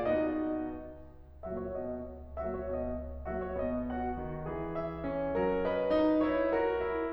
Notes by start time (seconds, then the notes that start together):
0.00 B2 B3 D#4 F#4 D#5
1.43 A#2 F#3 A#3 F#4 E5
1.57 C#5
1.71 B2 B3 D#5
2.41 A#2 F#3 A#3 F#4 E5
2.54 C#5
2.66 B2 B3 D#5
3.26 A#2 F#3 A#3 F#4 E5
3.39 C#5
3.52 B2 B3 D#5
3.88 F#4 F#5
4.14 D#3
4.48 E3 G#4
4.76 E5
5.02 C#4
5.33 G3 A#4
5.67 B4 D#5
5.94 D#4
6.27 E4 C#5
6.54 F#4 A#4
6.80 E4